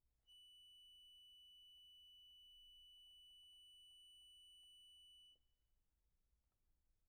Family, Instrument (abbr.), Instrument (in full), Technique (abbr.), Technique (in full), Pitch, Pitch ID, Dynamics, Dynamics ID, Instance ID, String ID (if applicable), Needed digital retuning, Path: Keyboards, Acc, Accordion, ord, ordinario, F#7, 102, pp, 0, 1, , FALSE, Keyboards/Accordion/ordinario/Acc-ord-F#7-pp-alt1-N.wav